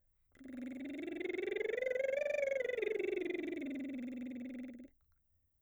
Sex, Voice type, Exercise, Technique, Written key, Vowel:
female, soprano, scales, lip trill, , i